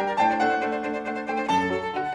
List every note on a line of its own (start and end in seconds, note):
0.00 0.23 G3
0.00 0.12 D4
0.00 0.12 A#4
0.00 0.23 G5
0.13 0.23 D4
0.13 0.23 A#4
0.17 0.28 A5
0.23 0.43 A2
0.23 0.33 D4
0.23 0.33 C5
0.23 0.43 G5
0.34 0.43 D4
0.34 0.43 C5
0.43 0.70 A3
0.43 0.55 D4
0.43 0.55 C5
0.43 1.08 F#5
0.55 0.70 D4
0.55 0.70 C5
0.71 0.89 A3
0.71 0.80 D4
0.71 0.80 C5
0.80 0.89 D4
0.80 0.89 C5
0.89 1.08 A3
0.89 1.00 D4
0.89 1.00 C5
1.00 1.08 D4
1.00 1.08 C5
1.08 1.28 A3
1.08 1.17 D4
1.08 1.17 C5
1.08 1.28 F#5
1.18 1.28 D4
1.18 1.28 C5
1.28 1.50 A3
1.28 1.40 D4
1.28 1.40 C5
1.28 1.50 G5
1.40 1.50 D4
1.40 1.50 C5
1.51 1.70 F#2
1.51 1.60 D4
1.51 1.60 A4
1.51 1.90 A5
1.60 1.70 D4
1.60 1.70 A4
1.71 1.90 F#3
1.71 1.80 D4
1.71 1.80 A4
1.80 1.90 D4
1.80 1.90 A4
1.90 2.15 D3
1.90 2.03 F#4
1.90 2.15 F#5
2.04 2.15 F#4